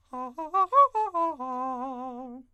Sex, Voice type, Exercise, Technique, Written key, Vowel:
male, countertenor, arpeggios, fast/articulated forte, C major, a